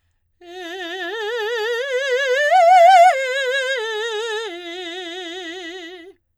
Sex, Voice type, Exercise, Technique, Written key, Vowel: female, soprano, arpeggios, slow/legato forte, F major, e